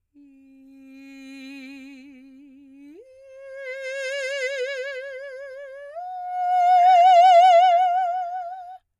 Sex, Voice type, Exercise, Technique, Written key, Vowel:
female, soprano, long tones, messa di voce, , i